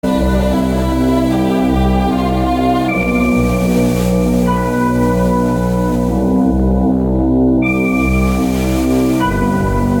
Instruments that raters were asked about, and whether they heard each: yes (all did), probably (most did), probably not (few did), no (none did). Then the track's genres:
organ: no
Industrial; Ambient; Instrumental